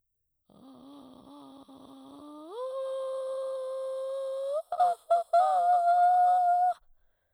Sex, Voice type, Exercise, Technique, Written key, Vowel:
female, soprano, long tones, inhaled singing, , a